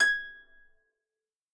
<region> pitch_keycenter=92 lokey=92 hikey=93 tune=-5 volume=3.974228 xfin_lovel=70 xfin_hivel=100 ampeg_attack=0.004000 ampeg_release=30.000000 sample=Chordophones/Composite Chordophones/Folk Harp/Harp_Normal_G#5_v3_RR1.wav